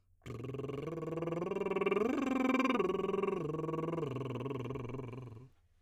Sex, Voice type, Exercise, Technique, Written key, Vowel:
male, tenor, arpeggios, lip trill, , e